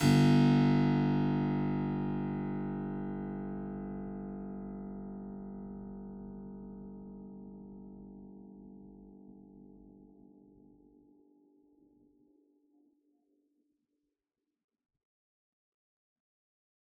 <region> pitch_keycenter=31 lokey=31 hikey=31 volume=-1.410128 trigger=attack ampeg_attack=0.004000 ampeg_release=0.400000 amp_veltrack=0 sample=Chordophones/Zithers/Harpsichord, Unk/Sustains/Harpsi4_Sus_Main_G0_rr1.wav